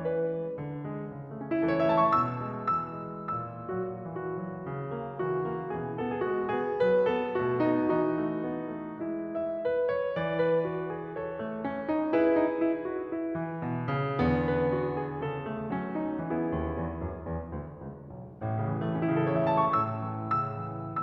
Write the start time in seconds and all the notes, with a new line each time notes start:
0.00 E3 B4
0.34 G#3
0.59 D3
0.84 G#3
1.08 C#3
1.34 A3
1.43 C#4
1.54 E3 E4
1.65 A4
1.72 C#5
1.78 A3 E5
1.90 A5
2.04 C#6
2.16 B2 E6
2.53 G#3
2.93 E3 E6
3.25 F#3
3.46 A#2 E6
3.72 F#3 F#4
4.08 E3 F#4
4.33 F#3
4.67 C#3
4.93 A#3
5.15 E3 F#4
5.40 A#3
5.67 B2 E3 G#4
6.03 B3 A4
6.18 G#4
6.29 G#3 F#4
6.55 B3 G#4
6.80 F#3 B4
7.07 B3 A4
7.37 B2 A3 F#4
7.58 B3 D#4
7.96 E3 D#4 F#4
8.23 A3
8.44 B3
8.78 A3
9.04 G#3 E4
9.38 E5
9.66 B4
9.93 C#5
10.18 E3 D5
10.41 B4
10.66 F#4
10.91 G#4
11.11 A4 C#5
11.44 A3
11.67 C#4
11.88 D#4
12.14 E4 G#4 B4
12.38 D#4
12.62 E4
12.86 F#4
13.14 E4
13.35 E3
13.62 B2
13.84 C#3
14.20 E2 D3 B3
14.45 B4
14.66 F#4
14.92 G#4
15.19 C#3 A4
15.41 A3
15.69 F#3 C#4
15.96 D#4
16.22 E3 B3 E4 G#4
16.45 D#2
16.75 E2
17.03 F#2
17.26 E2
17.51 D2
17.76 C#2
18.01 B1
18.39 A1 A2
18.54 C#3
18.67 E3
18.77 E3 A3
18.96 C#4
19.09 C#3 E4
19.19 A4
19.28 C#5
19.37 E3 E5
19.46 A5
19.54 C#6
19.62 A2 E6
20.04 E3
20.35 C#3 E6
20.65 E3